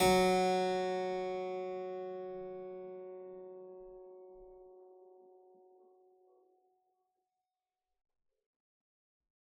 <region> pitch_keycenter=54 lokey=54 hikey=54 volume=1.346414 trigger=attack ampeg_attack=0.004000 ampeg_release=0.400000 amp_veltrack=0 sample=Chordophones/Zithers/Harpsichord, Unk/Sustains/Harpsi4_Sus_Main_F#2_rr1.wav